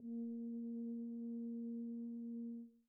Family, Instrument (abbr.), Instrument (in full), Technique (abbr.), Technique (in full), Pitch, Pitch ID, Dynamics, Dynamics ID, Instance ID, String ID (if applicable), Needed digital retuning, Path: Brass, BTb, Bass Tuba, ord, ordinario, A#3, 58, pp, 0, 0, , TRUE, Brass/Bass_Tuba/ordinario/BTb-ord-A#3-pp-N-T13d.wav